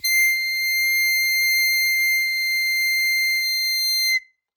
<region> pitch_keycenter=96 lokey=94 hikey=97 tune=-1 volume=3.101017 trigger=attack ampeg_attack=0.100000 ampeg_release=0.100000 sample=Aerophones/Free Aerophones/Harmonica-Hohner-Super64/Sustains/Accented/Hohner-Super64_Accented_C6.wav